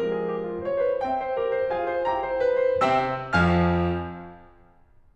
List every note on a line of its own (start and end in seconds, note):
0.01 0.30 F3
0.01 0.30 G#3
0.01 0.30 C4
0.01 0.15 A#4
0.15 0.30 G#4
0.30 0.45 G4
0.46 0.60 F4
0.60 0.81 C5
0.70 0.93 C#5
0.81 0.99 B4
0.93 0.99 C5
0.99 2.32 C4
0.99 1.70 E5
0.99 1.70 G5
1.12 1.54 C5
1.35 1.70 G4
1.35 1.70 A#4
1.54 1.81 C5
1.70 1.94 F4
1.70 1.94 G#4
1.70 1.94 F5
1.70 1.94 G#5
1.81 2.13 C5
1.94 2.32 E4
1.94 2.32 G4
1.94 2.32 G5
1.94 2.32 A#5
2.13 2.32 C5
2.33 2.56 B4
2.57 2.80 C5
2.80 3.29 C3
2.80 3.29 C4
2.80 3.29 E5
2.80 3.29 G5
2.80 3.29 E6
3.30 4.30 F2
3.30 4.30 F3
3.30 4.30 F5
3.30 4.30 G#5
3.30 4.30 F6